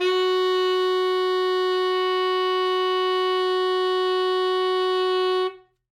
<region> pitch_keycenter=66 lokey=65 hikey=68 tune=1 volume=10.099201 lovel=84 hivel=127 ampeg_attack=0.004000 ampeg_release=0.500000 sample=Aerophones/Reed Aerophones/Saxello/Non-Vibrato/Saxello_SusNV_MainSpirit_F#3_vl3_rr1.wav